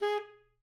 <region> pitch_keycenter=68 lokey=68 hikey=69 tune=1 volume=18.514504 lovel=0 hivel=83 ampeg_attack=0.004000 ampeg_release=1.500000 sample=Aerophones/Reed Aerophones/Tenor Saxophone/Staccato/Tenor_Staccato_Main_G#3_vl1_rr1.wav